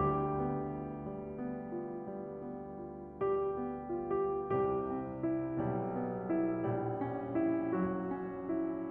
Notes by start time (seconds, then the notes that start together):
0.00 D2 D3 G3 G4
0.44 B3
0.74 F4
1.06 G3
1.40 B3
1.72 F4
2.09 G3
2.47 B3
2.81 F4
3.18 G3 G4
3.56 B3
3.97 F4
4.06 G4
4.45 C2 C3 G3 G4
4.86 C4
5.24 E4
5.56 B1 B2 G3
5.92 B3
6.29 E4
6.68 A#1 A#2 G3
7.00 C#4
7.45 E4
7.73 F#3 F#4
8.10 C#4
8.48 E4